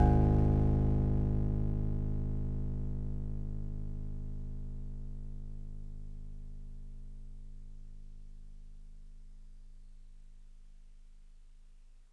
<region> pitch_keycenter=32 lokey=31 hikey=34 tune=-1 volume=9.896581 lovel=100 hivel=127 ampeg_attack=0.004000 ampeg_release=0.100000 sample=Electrophones/TX81Z/FM Piano/FMPiano_G#0_vl3.wav